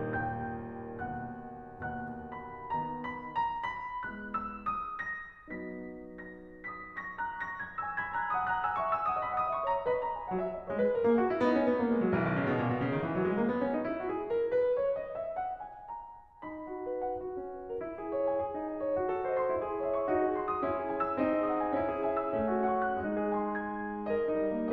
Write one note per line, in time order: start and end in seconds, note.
0.03 2.01 D#2
0.03 2.01 A2
0.03 2.01 D#3
0.03 0.98 G5
0.03 0.98 G6
1.03 2.01 F#5
1.03 2.01 F#6
2.04 2.71 D#2
2.04 2.71 D#3
2.04 2.71 F#3
2.04 2.30 F#5
2.04 2.30 F#6
2.32 2.71 B5
2.72 3.26 D#3
2.72 3.26 B3
2.72 2.98 A#5
3.00 3.26 B5
3.28 3.62 A#5
3.64 4.05 B5
4.06 4.50 G#3
4.06 4.50 B3
4.06 4.50 E4
4.06 4.24 F#6
4.26 4.50 E6
4.52 4.74 D#5
4.77 5.44 A#6
5.46 6.62 F#3
5.46 6.62 B3
5.46 6.62 D#4
5.46 5.76 B6
5.79 6.62 A#6
6.65 7.00 D#6
6.65 7.00 A#6
7.03 7.18 C#6
7.03 7.18 G#6
7.20 7.48 A#5
7.20 7.48 F#6
7.51 7.66 C#6
7.51 7.66 A#6
7.68 7.80 B5
7.68 7.80 G#6
7.83 8.06 G#5
7.83 8.06 E6
8.09 8.21 B5
8.09 8.21 G#6
8.24 8.35 A5
8.24 8.35 F#6
8.36 8.53 F#5
8.36 8.53 D#6
8.54 8.64 A#5
8.54 8.64 F#6
8.66 8.76 G#5
8.66 8.76 E6
8.77 8.93 E5
8.77 8.93 C#6
8.95 9.10 G#5
8.95 9.10 E6
9.11 9.19 F#5
9.11 9.19 D#6
9.20 9.33 D#5
9.20 9.33 B5
9.34 9.49 F#5
9.34 9.49 D#6
9.51 9.72 E5
9.51 9.72 C#6
9.73 9.85 C#5
9.73 9.85 A#5
9.92 10.29 B4
9.92 10.29 D#5
9.92 10.04 B5
10.05 10.15 A#5
10.18 10.29 G#5
10.30 10.68 F#3
10.30 10.41 F#5
10.42 10.56 E5
10.57 10.68 D#5
10.69 11.05 G#3
10.69 10.79 C#5
10.81 10.95 B4
10.97 11.05 A#4
11.07 11.41 A#3
11.07 11.19 G#4
11.20 11.30 F#4
11.31 11.41 E4
11.42 11.80 B3
11.42 11.53 D#4
11.55 11.66 C#4
11.69 11.80 B3
11.81 11.91 A#3
11.93 12.00 G#3
12.01 12.12 F#3
12.13 12.45 B1
12.13 12.23 E3
12.25 12.35 D#3
12.36 12.45 C#3
12.47 12.59 B2
12.60 12.68 A#2
12.71 12.81 B2
12.82 12.94 C#3
12.95 13.02 D#3
13.03 13.14 E3
13.15 13.23 F#3
13.25 13.37 G#3
13.38 13.50 A#3
13.50 13.60 B3
13.61 13.71 C#4
13.73 13.81 D#4
13.84 13.97 E4
14.00 14.12 F#4
14.12 14.23 G#4
14.25 14.50 A#4
14.51 14.76 B4
14.76 14.94 C#5
14.94 15.12 D#5
15.13 15.35 E5
15.37 15.59 F#5
15.60 15.89 G#5
15.91 16.41 A#5
16.43 17.17 D#4
16.43 16.90 B5
16.57 17.17 F#4
16.90 17.05 C#5
17.05 17.17 F#5
17.18 17.85 F#4
17.40 17.85 C#4
17.54 17.70 B4
17.70 17.85 A#4
17.86 18.41 E4
18.00 18.41 G#4
18.12 18.25 C#5
18.25 18.41 G#5
18.42 18.99 G#4
18.56 18.99 D#4
18.77 18.88 C#5
18.88 18.99 C5
18.99 19.50 F#4
19.10 19.50 A4
19.22 19.36 C5
19.22 19.36 D#5
19.36 19.50 C6
19.50 20.07 E4
19.63 20.07 G#4
19.73 19.92 C#5
19.73 19.92 E5
19.92 20.07 C#6
20.07 20.65 D#4
20.07 20.22 F#4
20.23 20.65 G#4
20.37 20.47 C6
20.47 20.65 D#6
20.65 21.17 C#4
20.65 20.76 E4
20.79 21.17 G#4
20.94 21.05 G#5
21.05 21.17 E6
21.17 21.72 C4
21.17 21.30 D#4
21.30 21.72 G#4
21.46 21.59 F#5
21.46 21.59 D#6
21.60 21.72 G#5
21.72 22.37 C#4
21.72 21.88 E4
21.88 22.37 G#4
22.09 22.24 E5
22.09 22.24 G#5
22.25 22.37 E6
22.37 23.01 A3
22.37 22.53 C#4
22.54 23.01 F#4
22.71 22.85 F#5
22.71 22.85 C#6
22.85 23.01 F#6
23.01 24.05 G#3
23.01 23.46 D#4
23.46 24.05 G#4
23.61 23.85 G#5
23.61 23.85 C6
23.86 24.05 G#6
24.06 24.72 A#4
24.06 24.72 D#5
24.20 24.72 D#4
24.36 24.49 G3
24.49 24.72 A#3